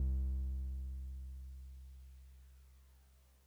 <region> pitch_keycenter=36 lokey=35 hikey=38 volume=20.723099 lovel=0 hivel=65 ampeg_attack=0.004000 ampeg_release=0.100000 sample=Electrophones/TX81Z/Piano 1/Piano 1_C1_vl1.wav